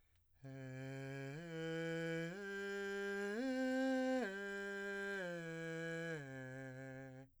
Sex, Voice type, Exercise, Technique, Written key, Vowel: male, , arpeggios, breathy, , e